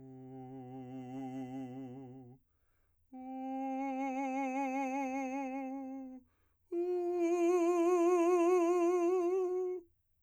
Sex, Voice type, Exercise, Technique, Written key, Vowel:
male, , long tones, messa di voce, , u